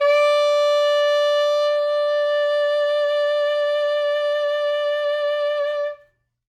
<region> pitch_keycenter=74 lokey=73 hikey=76 tune=2 volume=7.284307 ampeg_attack=0.004000 ampeg_release=0.500000 sample=Aerophones/Reed Aerophones/Saxello/Vibrato/Saxello_SusVB_MainSpirit_D4_vl2_rr1.wav